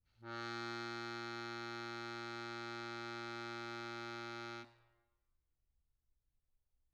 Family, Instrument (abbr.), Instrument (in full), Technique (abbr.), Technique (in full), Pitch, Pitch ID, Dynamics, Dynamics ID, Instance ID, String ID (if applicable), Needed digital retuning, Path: Keyboards, Acc, Accordion, ord, ordinario, A#2, 46, mf, 2, 0, , FALSE, Keyboards/Accordion/ordinario/Acc-ord-A#2-mf-N-N.wav